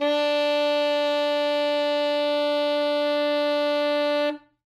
<region> pitch_keycenter=62 lokey=61 hikey=64 tune=3 volume=10.346102 lovel=84 hivel=127 ampeg_attack=0.004000 ampeg_release=0.500000 sample=Aerophones/Reed Aerophones/Saxello/Non-Vibrato/Saxello_SusNV_MainSpirit_D3_vl3_rr1.wav